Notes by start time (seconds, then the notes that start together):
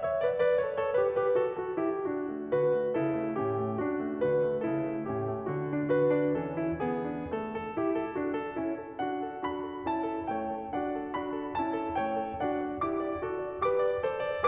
0.00 C#5 E5
0.24 B4 D5
0.42 B4 D5
0.60 A4 C#5
0.80 A4 C#5
0.99 G4 B4
1.16 G4 B4
1.36 F#4 A4
1.59 F#4 A4
1.81 E4 G4
1.99 D4 F#4
2.26 A3
2.50 D3 F#4 B4
2.76 A3
3.00 C#3 E4 A4
3.26 A3
3.42 A2 C#4 G4
3.61 A3
3.81 D4 F#4
4.03 A3
4.21 D3 F#4 B4
4.39 A3
4.60 C#3 E4 A4
4.85 A3
5.03 A2 C#4 G4
5.21 A3
5.45 D3 F#4
5.61 D4
5.90 F#4 B4
6.12 D4
6.35 E3 C#4 A4
6.56 E4
6.79 B3 G#4
7.00 D4
7.24 A3 A4
7.47 A4
7.78 E4 G4
7.99 A4
8.16 D4 F#4
8.34 A4
8.59 C#4 E4
8.74 A4
8.97 D4 F#4 F#5
9.25 A4
9.45 D4 F#4 B5
9.66 A4
9.87 C#4 E4 A5
10.03 A4
10.29 A3 E4 C#5 G5
10.48 A4
10.67 D4 F#4 F#5
10.97 A4
11.16 D4 F#4 B5
11.37 A4
11.56 C#4 E4 A5
11.77 A4
11.95 A3 E4 C#5 G5
12.14 A4
12.41 D4 F#4 D5 F#5
12.72 D5
12.91 E4 G4 D6
13.06 D5
13.26 F#4 A4
13.41 D5
13.64 G4 B4 D6
13.89 D5
14.05 A4 C5
14.27 D5